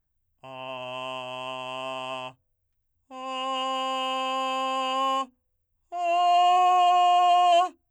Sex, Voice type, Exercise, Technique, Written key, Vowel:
male, , long tones, straight tone, , a